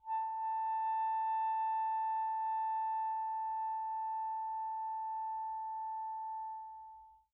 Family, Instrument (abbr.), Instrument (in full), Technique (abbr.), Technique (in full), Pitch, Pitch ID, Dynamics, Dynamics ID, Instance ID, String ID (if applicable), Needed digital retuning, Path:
Winds, ASax, Alto Saxophone, ord, ordinario, A5, 81, pp, 0, 0, , FALSE, Winds/Sax_Alto/ordinario/ASax-ord-A5-pp-N-N.wav